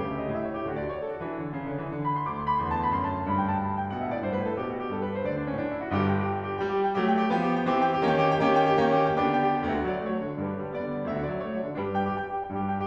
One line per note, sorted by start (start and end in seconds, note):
0.01 0.30 C#3
0.01 0.10 G4
0.10 0.20 E5
0.20 0.30 D#5
0.30 0.66 A2
0.30 0.46 E5
0.46 0.55 C#5
0.56 0.66 G4
0.66 1.26 D2
0.66 1.26 D3
0.66 0.75 F#4
0.75 0.85 D5
0.85 0.95 C#5
0.95 1.05 D5
1.06 1.14 A4
1.14 1.26 F#4
1.26 1.43 D3
1.26 1.29 E3
1.26 1.62 D4
1.43 1.62 C#3
1.63 1.82 D3
1.82 1.94 E3
1.94 2.27 D3
2.06 2.17 B5
2.18 2.27 C6
2.27 5.21 D2
2.27 2.36 D6
2.36 2.50 C6
2.50 2.64 B5
2.65 2.95 E2
2.65 2.73 C6
2.75 2.86 A5
2.86 2.95 B5
2.95 3.27 F#2
2.95 3.04 C6
3.04 3.15 B5
3.16 3.27 A5
3.28 3.88 G2
3.28 3.37 B5
3.37 3.48 G5
3.48 3.58 A5
3.58 3.69 B5
3.70 3.77 A5
3.78 3.88 G5
3.88 4.07 B2
3.88 4.02 F#5
4.02 4.13 E5
4.07 4.22 A2
4.13 4.22 D5
4.23 4.39 G2
4.23 4.34 C5
4.34 4.44 B4
4.39 4.55 A2
4.44 4.55 A4
4.55 4.87 B2
4.55 4.65 G4
4.65 4.74 F#4
4.77 4.87 G4
4.87 5.21 G2
4.87 4.97 A4
4.97 5.08 B4
5.08 5.21 C5
5.21 5.53 C3
5.21 5.30 D5
5.32 5.43 D4
5.43 5.53 C#4
5.53 5.87 A2
5.53 5.65 D4
5.65 5.78 E4
5.78 5.87 F#4
5.88 6.26 G1
5.88 6.26 G2
5.88 5.97 G4
5.97 6.10 G5
6.10 6.26 G4
6.26 6.43 G5
6.43 6.55 G4
6.57 6.70 G5
6.70 6.98 G3
6.70 6.80 G4
6.80 6.89 G5
6.89 6.98 G4
6.98 7.32 F#3
6.98 7.32 A3
6.98 7.09 G5
7.10 7.22 G4
7.22 7.32 G5
7.32 7.75 F3
7.32 7.75 B3
7.32 7.55 G4
7.55 7.66 G5
7.66 7.75 G4
7.76 8.06 E3
7.76 8.06 C4
7.76 7.87 G5
7.87 7.96 G4
7.96 8.06 G5
8.06 8.38 D#3
8.06 8.38 A#3
8.06 8.38 C#4
8.06 8.14 G4
8.14 8.27 G5
8.28 8.38 G4
8.38 8.85 D#3
8.38 8.85 A#3
8.38 8.85 C#4
8.38 8.50 G5
8.50 8.63 G4
8.63 8.85 G5
8.85 9.27 D#3
8.85 9.27 A#3
8.85 9.27 C#4
8.85 8.98 G4
8.99 9.14 G5
9.14 9.27 G4
9.27 9.68 D3
9.27 9.68 B3
9.27 9.68 D4
9.27 9.47 G5
9.47 9.57 G4
9.57 9.68 G5
9.69 9.77 D2
9.69 10.37 F#4
9.69 10.37 A4
9.69 9.82 E5
9.77 9.93 D3
9.82 10.04 D5
9.93 10.04 F#3
10.04 10.16 A3
10.04 10.21 C#5
10.18 10.27 F#3
10.23 10.37 D5
10.28 10.37 D3
10.37 10.50 G2
10.37 10.69 D4
10.37 10.69 G4
10.37 10.69 B4
10.50 10.59 D3
10.59 10.69 G3
10.71 10.85 B3
10.71 11.07 D5
10.86 10.98 G3
10.98 11.07 D3
11.07 11.19 D2
11.07 11.76 F#4
11.07 11.76 A4
11.07 11.23 E5
11.19 11.28 D3
11.23 11.37 D5
11.29 11.37 F#3
11.40 11.55 A3
11.40 11.59 C#5
11.55 11.65 F#3
11.59 11.76 D5
11.65 11.76 D3
11.76 12.13 G2
11.76 12.13 F#3
11.76 11.85 D4
11.76 11.85 G4
11.76 11.85 B4
11.86 12.02 G5
12.08 12.22 G4
12.13 12.28 G5
12.28 12.41 G4
12.41 12.53 G5
12.54 12.87 G2
12.54 12.87 G3
12.54 12.64 G4
12.64 12.74 G5
12.74 12.87 G4